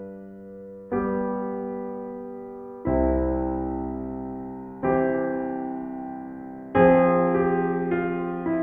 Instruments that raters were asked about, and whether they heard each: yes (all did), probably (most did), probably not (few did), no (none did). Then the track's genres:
piano: yes
Soundtrack; Ambient Electronic; Unclassifiable